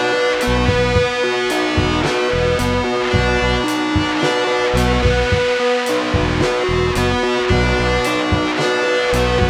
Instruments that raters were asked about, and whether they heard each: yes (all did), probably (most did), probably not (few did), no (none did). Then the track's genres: trumpet: probably
trombone: no
Rock; Noise